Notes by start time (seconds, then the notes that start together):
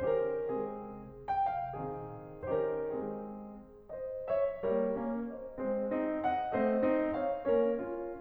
0.00 D#3 C#4 G4 C5
0.24 A#4
0.49 G#3 C4 G#4
1.28 G5
1.46 F5
1.71 D#3 C4 G#4
2.43 D#3 C#4 G4 C5
2.57 A#4
2.90 G#3 C4 G#4
3.92 C5 D#5
4.27 C#5 E5
4.63 G3 A#3 A#4 C#5
4.98 A#3 C#4
5.29 C5 D#5
5.57 G#3 C4 G#4 C5
5.92 C4 D#4
6.25 D#5 F#5
6.54 A3 C4 C5 D#5
6.83 C4 D#4
7.16 C#5 F5
7.48 A#3 C#4 A#4 C#5
7.83 C#4 F4